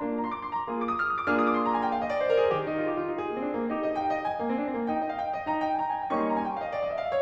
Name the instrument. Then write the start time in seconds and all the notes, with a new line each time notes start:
piano
0.00 A#3 D4 F4
0.10 A#5
0.21 C6
0.31 D6
0.42 C6
0.56 A#5
0.66 A#3 F4 G#4
0.78 D6
0.85 D#6
0.95 F6
1.03 D#6
1.16 D6
1.29 A#3 D4 F4 G#4 F6
1.38 D#6
1.49 D6
1.59 C6
1.66 A#5
1.76 G#5
1.86 G5
1.96 F5
2.07 D#5
2.18 D5
2.26 C5
2.33 A#4
2.43 G#4
2.54 D#3 G4
2.65 D#4
2.74 F4
2.87 G4
2.97 F4
3.07 D#4
3.17 G#4
3.29 A#3
3.39 C4
3.47 D4
3.56 C4
3.67 A#3
3.76 D#4 G4
3.85 D#5
3.97 F5
4.05 G5
4.13 F5
4.21 D#5
4.31 G#5
4.42 A#3
4.53 C4
4.62 D4
4.71 C4
4.79 A#3
4.90 D#4 G5
5.02 D#5
5.09 F5
5.18 G5
5.27 F5
5.38 D#5
5.49 D#4 A#5
5.58 G5
5.71 G#5
5.83 A#5
5.96 G#5
6.03 G5
6.12 G3 A#3 C#4 D#4 C#6
6.21 C6
6.28 A#5
6.39 G#5
6.49 G5
6.56 F5
6.63 D#5
6.73 D5
6.83 D#5
6.94 E5
7.01 F5
7.12 C#5